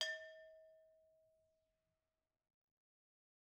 <region> pitch_keycenter=62 lokey=62 hikey=62 volume=12.875476 offset=261 lovel=0 hivel=83 ampeg_attack=0.004000 ampeg_release=10.000000 sample=Idiophones/Struck Idiophones/Brake Drum/BrakeDrum1_Susp_v1_rr1_Mid.wav